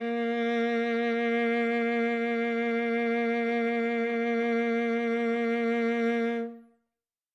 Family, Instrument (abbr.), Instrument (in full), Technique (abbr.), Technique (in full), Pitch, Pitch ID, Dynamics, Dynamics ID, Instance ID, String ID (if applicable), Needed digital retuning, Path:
Strings, Va, Viola, ord, ordinario, A#3, 58, ff, 4, 3, 4, FALSE, Strings/Viola/ordinario/Va-ord-A#3-ff-4c-N.wav